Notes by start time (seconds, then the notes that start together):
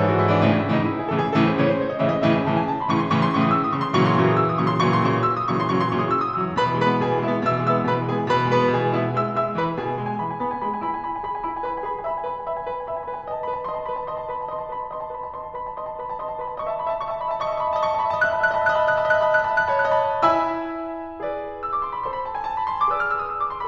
0.00 G#2 G#4
0.09 E3 F#4
0.21 G#2 E4
0.33 E3 D4
0.50 A2 C#3 E3 C#4
0.60 D#4
0.72 A2 C#3 E3 E4
0.81 D#4
0.93 E4
1.02 G#4
1.13 A2 C#3 E3 A4
1.24 G#4
1.34 A2 C#3 E3 A4
1.50 C5
1.60 A2 C#3 E3 C#5
1.70 C5
1.82 C#5
1.92 D#5
2.01 A2 C#3 E3 E5
2.09 D#5
2.18 A2 C#3 E3 E5
2.32 G#5
2.46 A2 C#3 E3 A5
2.60 G#5
2.69 A5
2.79 C6
2.88 A2 C#3 E3 C#6
2.97 C6
3.07 A2 C#3 E3 C#6
3.17 D#6
3.26 A2 C#3 E3 E6
3.36 D#6
3.44 E6
3.52 D#6
3.58 A2 C#3 E3 C#6
3.67 C6
3.76 A#2 C#3 E3 F#3 C#6
3.84 C6
3.92 A#2 C#3 E3 F#3 C#6
4.01 D#6
4.08 D#6 E6
4.16 A#2 C#3 E3 F#3 C#6
4.25 C6
4.34 A#2 C#3 E3 F#3 C#6
4.44 C6
4.49 A#2 C#3 E3 F#3 C#6
4.57 D#6
4.68 E6
4.76 D#6
4.84 A#2 C#3 E3 F#3 C#6
4.93 C6
5.04 A#2 C#3 E3 F#3 C#6
5.13 C6
5.18 A#2 C#3 E3 F#3 C#6
5.27 D#6 E6
5.38 D#6
5.47 A#2 C#3 E3 F#3 C#6
5.60 C6
5.70 A#2 C#3 E3 F#3 C#6
5.82 C6
5.94 A#2 C#3 E3 F#3 C#6
6.06 D#6
6.15 E6
6.27 D#6
6.37 A#2 C#3 E3 F#3 E6
6.47 C6
6.56 B2 B4 B5
6.69 E3
6.82 G#3 B4 B5
6.91 B3
7.00 B2 G#4 G#5
7.11 E3
7.21 G#3 E4 E5
7.37 B3
7.48 B2 E5 E6
7.58 E3
7.67 G#3 E5 E6
7.79 B3
7.86 B2 B4 B5
7.96 E3
8.08 G#3 G#4 G#5
8.19 B3
8.29 B2 B4 B5
8.41 E3
8.50 G#3 B4 B5
8.60 B3
8.71 B2 G#4 G#5
8.82 E3
8.90 G#3 E4 E5
9.02 B3
9.11 G#3 E5 E6
9.35 G#3 E5 E6
9.54 E3 B4 B5
9.76 B2 G#4 G#5
9.88 B3
9.95 G#5
10.04 G#3 B5
10.15 G#5
10.23 E4 B5
10.31 G#5
10.40 B3 B5
10.52 G#5
10.62 G#4 B5
10.74 G#5
10.83 E4 B5
10.91 G#5
11.03 B4 B5
11.16 G#5
11.25 G#4 B5
11.35 G#5
11.47 E5 B5
11.58 G#5
11.69 B4 B5
11.78 G#5
11.96 E5 B5
12.12 G#5
12.23 B4 B5
12.39 G#5
12.49 E5 B5
12.57 G#5
12.69 B4 B5
12.76 G#5
12.84 E5 B5
12.95 G#5
13.03 B4 B5
13.13 G#5
13.24 D#5
13.32 A5
13.43 B4 B5
13.54 A5
13.65 D#5 C6
13.78 A5
13.89 B4 B5
13.98 A5
14.08 D#5 C6
14.19 A5
14.28 B4 B5
14.40 A5
14.50 D#5 C6
14.61 A5
14.69 B4 B5
14.83 A5
14.91 D#5 C6
15.03 A5
15.14 B4 B5
15.23 A5
15.33 D#5 C6
15.43 A5
15.53 B4 B5
15.63 A5
15.73 D#5 C6
15.84 A5
15.93 B4 B5
16.09 A5
16.22 D#5 C6
16.31 A5
16.40 B4 B5
16.51 A5
16.59 D#5 C#6
16.65 E5
16.71 D#5 A5
16.76 E5
16.81 D#5 B5
16.88 D#5 E5 A5
16.95 E5
17.02 D#5 C#6
17.09 E5
17.14 D#5 A5
17.18 E5
17.23 D#5 B5
17.28 E5
17.33 D#5 A5
17.38 E5
17.43 D#5 E5 C#6
17.51 D#5 A5
17.55 E5
17.61 D#5 B5
17.66 E5
17.71 D#5 A5
17.75 E5
17.80 D#5 C#6
17.86 E5
17.91 D#5 A5
17.96 E5
18.01 D#5 B5
18.07 E5
18.11 D#5 A5
18.16 E5
18.23 D#5 F#6
18.27 E5
18.38 D#5 A5 B5
18.54 E5
18.60 D#5 F#6
18.65 E5
18.70 D#5 A5 B5
18.75 E5
18.80 D#5 F#6
18.87 E5
18.92 D#5 A5 B5
18.97 E5
19.06 D#5 F#6
19.14 E5
19.19 D#5 A5 B5
19.24 E5
19.28 D#5 F#6
19.35 E5
19.42 D#5 A5 B5
19.48 E5
19.54 D#5 F#6
19.60 E5
19.64 D#5 A5 B5
19.71 E5
19.77 D#5 F#6
19.83 E5
19.88 D#5 A5 B5
19.93 E5
19.99 D#5 F#6
20.04 E5
20.09 C#5 A5 B5
20.18 D#5
20.24 E4 E5 G#5 B5 E6
21.21 G#4 B4 D5
21.63 E6
21.76 D6
21.87 C6
21.98 B5
22.07 A4 C5 C6
22.18 B5
22.26 A5
22.35 G#5
22.45 A5
22.56 B5
22.69 C6
22.79 D6
22.91 G#4 B4 D5 E6
23.00 F6
23.10 E6
23.20 D#6
23.28 E6
23.38 D6
23.49 C6
23.58 B5